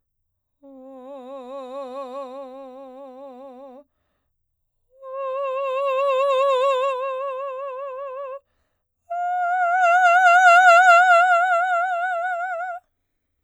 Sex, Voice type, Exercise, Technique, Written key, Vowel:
female, soprano, long tones, messa di voce, , o